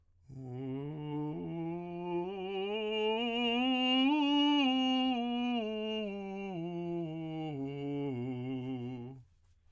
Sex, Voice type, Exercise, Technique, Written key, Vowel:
male, tenor, scales, slow/legato piano, C major, u